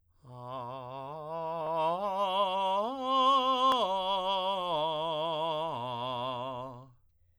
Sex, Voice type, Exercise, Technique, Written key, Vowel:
male, tenor, arpeggios, slow/legato piano, C major, a